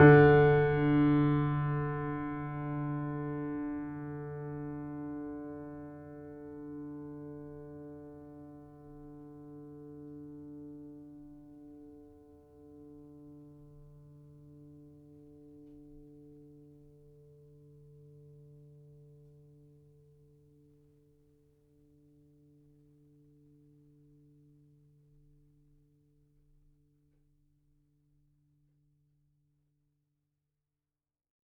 <region> pitch_keycenter=50 lokey=50 hikey=51 volume=0.285933 lovel=0 hivel=65 locc64=65 hicc64=127 ampeg_attack=0.004000 ampeg_release=0.400000 sample=Chordophones/Zithers/Grand Piano, Steinway B/Sus/Piano_Sus_Close_D3_vl2_rr1.wav